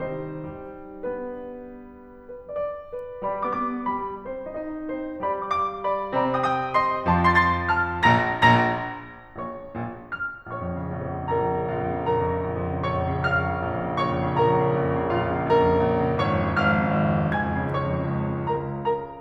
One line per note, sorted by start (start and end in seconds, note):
0.01 0.41 C3
0.01 0.41 D#3
0.01 1.22 G3
0.01 0.83 C4
0.01 0.83 D#4
0.01 1.22 G4
0.01 0.83 C5
0.83 1.22 B3
0.83 1.22 D4
0.83 1.22 B4
2.27 2.50 B4
2.50 2.59 D5
2.59 2.90 D5
2.90 3.05 B4
3.21 3.44 G3
3.21 4.08 G4
3.21 4.08 D5
3.21 3.44 B5
3.44 3.51 B3
3.44 3.51 D6
3.52 3.86 B3
3.52 3.86 D6
3.86 4.08 G3
3.86 4.08 B5
4.27 4.46 C4
4.27 4.46 C5
4.48 4.55 D#4
4.48 4.55 D#5
4.56 4.87 D#4
4.56 4.87 D#5
4.87 5.07 C4
4.87 5.07 C5
5.23 6.14 G3
5.23 6.14 G4
5.23 5.46 D5
5.23 5.46 B5
5.46 5.53 F5
5.46 5.53 D6
5.53 5.82 F5
5.53 5.82 D6
5.83 5.98 D5
5.83 5.98 B5
6.14 7.06 C3
6.14 7.06 C4
6.14 6.34 D5
6.14 6.34 B5
6.36 6.44 G5
6.36 6.44 D#6
6.44 6.74 G5
6.44 6.74 D#6
6.76 6.94 D#5
6.76 6.94 C6
7.06 8.11 F2
7.06 8.11 F3
7.06 7.30 A5
7.06 7.30 C6
7.30 7.38 C6
7.30 7.38 A6
7.38 7.77 C6
7.38 7.77 A6
7.77 7.94 A5
7.77 7.94 F6
8.12 8.31 A#1
8.12 8.31 A#2
8.12 8.31 A#5
8.12 8.31 A#6
8.57 8.88 A#1
8.57 8.88 A#2
8.57 8.88 A#5
8.57 8.88 A#6
9.36 9.57 A#1
9.36 9.57 A#2
9.36 10.14 C#5
9.36 10.14 C#6
9.73 9.93 A#1
9.73 9.93 A#2
10.14 10.47 F5
10.14 10.47 F6
10.48 10.85 A#1
10.48 11.28 C#5
10.48 11.28 C#6
10.59 10.98 F2
10.72 11.08 C#3
10.85 11.28 A#1
10.98 11.38 F2
11.10 11.50 C#3
11.28 11.62 A#1
11.28 11.62 A#4
11.28 11.62 A#5
11.40 11.73 F2
11.50 11.89 C#3
11.62 12.03 A#1
11.62 12.03 F4
11.62 12.03 F5
11.73 12.21 F2
11.89 12.38 C#3
12.05 12.49 A#1
12.05 12.83 A#4
12.05 12.83 A#5
12.21 12.59 F2
12.38 12.71 C#3
12.49 12.83 A#1
12.59 12.96 F2
12.71 13.07 C#3
12.83 13.17 A#1
12.83 13.17 C#5
12.83 13.17 C#6
12.97 13.30 F2
13.07 13.51 C#3
13.18 13.61 A#1
13.18 13.96 F5
13.18 13.96 F6
13.30 13.73 F2
13.51 13.83 C#3
13.61 13.96 A#1
13.73 14.12 F2
13.84 14.25 C#3
13.96 14.38 A#1
13.96 14.38 C#5
13.96 14.38 C#6
14.14 14.48 F2
14.25 14.60 C#3
14.38 14.74 A#1
14.38 15.11 A#4
14.38 15.11 A#5
14.48 14.87 F2
14.60 14.99 C#3
14.75 15.11 A#1
14.87 15.27 F2
15.01 15.39 C#3
15.11 15.49 A#1
15.11 15.49 F4
15.11 15.49 F5
15.27 15.60 F2
15.39 15.76 C#3
15.49 15.85 A#1
15.49 16.14 A#4
15.49 16.14 A#5
15.61 15.97 F2
15.76 16.04 C#3
15.87 16.14 A#1
15.97 16.28 F2
16.04 16.41 C#3
16.14 16.41 G#1
16.14 16.54 C#5
16.14 16.54 C#6
16.28 16.54 F2
16.42 16.54 C#3
16.54 17.25 F5
16.54 17.25 F6
16.91 17.01 G#1
17.01 17.14 F2
17.14 17.25 C#3
17.26 17.62 G#5
17.26 17.62 G#6
17.35 17.46 F2
17.49 17.63 C#3
17.62 17.76 C#2
17.62 18.08 C#5
17.62 18.08 C#6
17.76 17.87 F2
17.87 18.06 C#3
18.08 18.21 C#2
18.22 18.29 F2
18.34 18.45 C#3
18.47 18.58 C#2
18.47 19.21 C#3
18.47 18.63 A#4
18.47 18.63 A#5
18.84 19.06 A#4
18.84 19.06 A#5